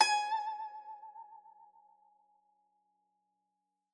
<region> pitch_keycenter=80 lokey=80 hikey=81 volume=5.833394 lovel=84 hivel=127 ampeg_attack=0.004000 ampeg_release=0.300000 sample=Chordophones/Zithers/Dan Tranh/Vibrato/G#4_vib_ff_1.wav